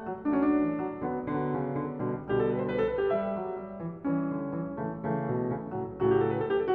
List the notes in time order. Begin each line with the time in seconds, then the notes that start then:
0.00 F#3
0.23 F#3 A3
0.29 D4
0.46 E3
0.74 F#3
0.95 D3 F#3
1.02 B3
1.22 D3 F#3
1.32 B3
1.47 C#3
1.74 D3
1.95 B2 D3
2.01 G3
2.17 B2 D3
2.25 G3
2.35 G4
2.46 A4
2.53 B4
2.62 C5
2.69 B4
2.83 A4
2.96 B4
3.03 G3 G4
3.18 E5
3.27 F#3
3.52 G3
3.74 E3
3.98 E3 G3
4.05 C#4
4.21 D3
4.45 E3
4.73 C#3 E3
4.78 A3
4.98 C#3 E3
5.07 A3
5.28 B2
5.49 C#3
5.61 A2 C#3
5.67 F#3
5.78 A2 C#3
5.85 F#3
5.92 F#4
6.03 G4
6.19 A4
6.29 B4
6.40 A4
6.51 G4
6.63 A4